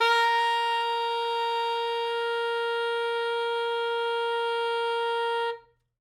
<region> pitch_keycenter=70 lokey=69 hikey=72 tune=1 volume=8.843655 lovel=84 hivel=127 ampeg_attack=0.004000 ampeg_release=0.500000 sample=Aerophones/Reed Aerophones/Saxello/Non-Vibrato/Saxello_SusNV_MainSpirit_A#3_vl3_rr1.wav